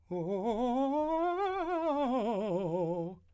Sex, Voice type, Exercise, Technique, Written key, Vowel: male, , scales, fast/articulated piano, F major, o